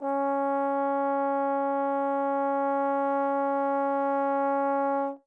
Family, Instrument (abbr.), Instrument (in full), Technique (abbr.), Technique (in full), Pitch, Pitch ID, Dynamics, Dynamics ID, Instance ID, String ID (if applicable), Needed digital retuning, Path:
Brass, Tbn, Trombone, ord, ordinario, C#4, 61, mf, 2, 0, , TRUE, Brass/Trombone/ordinario/Tbn-ord-C#4-mf-N-T13d.wav